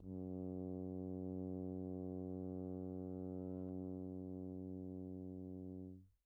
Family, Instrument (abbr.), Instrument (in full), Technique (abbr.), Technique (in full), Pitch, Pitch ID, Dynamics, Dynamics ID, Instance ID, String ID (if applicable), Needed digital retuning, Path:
Brass, Hn, French Horn, ord, ordinario, F#2, 42, pp, 0, 0, , FALSE, Brass/Horn/ordinario/Hn-ord-F#2-pp-N-N.wav